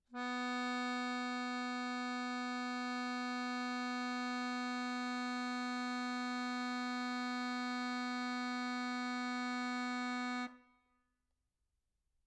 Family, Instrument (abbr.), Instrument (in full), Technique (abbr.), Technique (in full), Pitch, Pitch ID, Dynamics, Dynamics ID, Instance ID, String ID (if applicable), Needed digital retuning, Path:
Keyboards, Acc, Accordion, ord, ordinario, B3, 59, mf, 2, 3, , FALSE, Keyboards/Accordion/ordinario/Acc-ord-B3-mf-alt3-N.wav